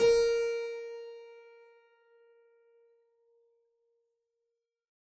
<region> pitch_keycenter=70 lokey=70 hikey=71 volume=-3.525179 trigger=attack ampeg_attack=0.004000 ampeg_release=0.400000 amp_veltrack=0 sample=Chordophones/Zithers/Harpsichord, Flemish/Sustains/Low/Harpsi_Low_Far_A#3_rr1.wav